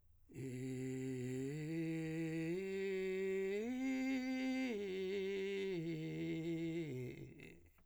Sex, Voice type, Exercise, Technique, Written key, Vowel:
male, , arpeggios, vocal fry, , i